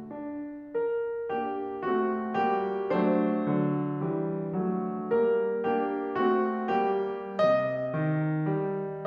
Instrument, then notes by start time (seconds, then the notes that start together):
piano
0.01 D4
0.73 A#4
1.29 A#3 D4 G4
1.84 A3 C4 F#4
2.35 G3 A#3 G4
2.94 F#3 A3 D4 C5
3.51 D3 F#3
4.07 E3 G3
4.59 F#3 A3
5.10 G3 A#3 A#4
5.61 A#3 D4 G4
6.19 A3 C4 F#4
6.77 G3 A#3 G4
7.46 C3 D#5
8.01 D#3
8.57 G3